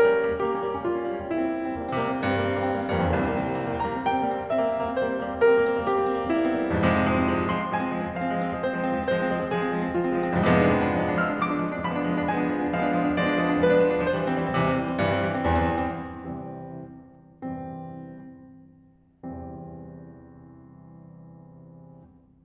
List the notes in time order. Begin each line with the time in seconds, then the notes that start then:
0.00 G3 A#3 C#4 A#4
0.10 D#4
0.21 G3 A#3 C#4
0.30 D#4
0.39 G3 A#3 G4
0.48 C#4
0.58 G3 A#3
0.68 C#4
0.79 G3 A#3 F4
0.93 C#4
1.06 G3 A#3
1.15 C#4
1.22 G3 A#3 E4
1.31 C4
1.42 G3 A#3
1.56 C4
1.65 G3 A#3
1.78 C4
1.93 C3 G3 A#3
2.05 C4
2.18 G2 G3 A#3
2.37 C4
2.47 G3 A#3
2.58 C4
2.67 G3 A#3
2.77 C4
2.87 G2 G3 A#3
2.93 F2
2.97 E2 C4
3.03 D2
3.09 C2 G3 A#3
3.24 C4
3.37 G3 A#3
3.52 C4
3.63 G3 A#3
3.76 C4
3.85 G3 A#3 A#5
3.96 C4
4.08 G3 A#3 G5
4.19 C4
4.31 G3 A#3
4.46 C4
4.57 G3 A#3 E5
4.70 C4
4.83 G3 A#3
4.97 C4
5.09 G3 A#3 C5
5.26 C4
5.36 G3 A#3
5.46 C4
5.55 G3 A#3 A#4
5.64 C4
5.76 G3 A#3
5.87 C4
5.97 G3 A#3 G4
6.04 C4
6.13 G3 A#3
6.25 C4
6.35 G3 A#3 E4
6.46 C4
6.55 G3 A#3
6.64 C4
6.72 C2 F3 G#3
6.77 F2
6.85 G#2 C4
6.93 C3
6.99 F3 G#3
7.14 C4
7.28 F3 G#3
7.38 C4
7.49 F3 G#3 C6
7.59 C4
7.71 F3 G#3 G#5
7.81 C4
7.89 F3 G#3
8.00 C4
8.12 F3 G#3 F5
8.22 C4
8.32 F3 G#3
8.48 C4
8.58 F3 G#3 C5
8.67 C4
8.78 F3 G#3
8.89 C4
8.99 F3 G#3 C5
9.11 C4
9.28 F3 G#3
9.39 C4
9.53 F3 G#3 G#4
9.62 C4
9.72 F3 G#3
9.82 C4
9.91 F3 G#3 F4
10.02 C4
10.12 F3 G#3
10.22 C4
10.33 C2 F3 G#3 B3
10.40 F2
10.46 G#2 D4
10.53 C3
10.58 F3 G#3 B3 D4
10.68 D4
10.79 F3 G#3 B3 D4
10.91 D4
11.03 F3 G#3 B3 D4 F6
11.13 D4
11.24 F3 G#3 B3 D4 D6
11.33 D4
11.45 F3 G#3 B3 D4
11.58 D4
11.71 F3 G#3 B3 D4 B5
11.83 D4
11.96 F3 G#3 B3 D4
12.10 D4
12.21 F3 G#3 B3 D4 G#5
12.33 D4
12.46 F3 G#3 B3 D4
12.62 D4
12.72 F3 G#3 B3 D4 F5
12.89 D4
12.99 F3 G#3 B3 D4
13.10 D4
13.19 F3 G#3 B3 D4 D5
13.29 D4
13.40 F3 G#3 B3 D4
13.49 D4
13.58 F3 G#3 B3 D4 B4
13.71 D4
13.80 F3 G#3 B3 D4
13.93 D4
14.04 E3 G3 C5
14.15 C4
14.27 E3 G3
14.35 C4
14.45 C3 E3 G3
14.56 C4
14.66 E3 G3
14.77 C4
14.92 G2 E3 G3
15.08 C4
15.20 E3 G3
15.29 C4
15.43 E2 E3 G3
15.58 C4
15.80 E3 G3
15.95 C4
16.04 C2 C3 E3 G3 C4
17.45 C2 E2 G2 C3 E3 G3 C4
19.23 C2 E2 G2 C3 E3 G3 C4